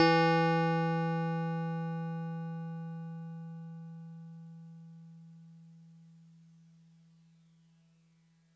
<region> pitch_keycenter=64 lokey=63 hikey=66 volume=9.768987 lovel=100 hivel=127 ampeg_attack=0.004000 ampeg_release=0.100000 sample=Electrophones/TX81Z/FM Piano/FMPiano_E3_vl3.wav